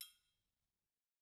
<region> pitch_keycenter=66 lokey=66 hikey=66 volume=19.145222 offset=186 lovel=84 hivel=127 seq_position=2 seq_length=2 ampeg_attack=0.004000 ampeg_release=30.000000 sample=Idiophones/Struck Idiophones/Triangles/Triangle3_HitFM_v2_rr2_Mid.wav